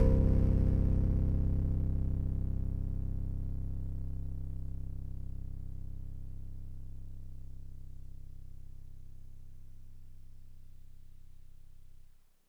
<region> pitch_keycenter=24 lokey=24 hikey=26 tune=-2 volume=9.147053 lovel=100 hivel=127 ampeg_attack=0.004000 ampeg_release=0.100000 sample=Electrophones/TX81Z/FM Piano/FMPiano_C0_vl3.wav